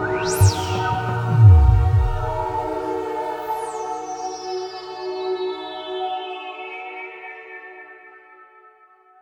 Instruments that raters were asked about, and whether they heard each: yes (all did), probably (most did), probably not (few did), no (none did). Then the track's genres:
violin: no
Electronic